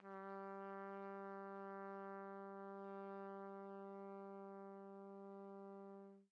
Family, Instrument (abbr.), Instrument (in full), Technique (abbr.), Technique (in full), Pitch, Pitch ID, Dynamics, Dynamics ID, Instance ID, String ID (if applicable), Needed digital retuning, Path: Brass, TpC, Trumpet in C, ord, ordinario, G3, 55, pp, 0, 0, , FALSE, Brass/Trumpet_C/ordinario/TpC-ord-G3-pp-N-N.wav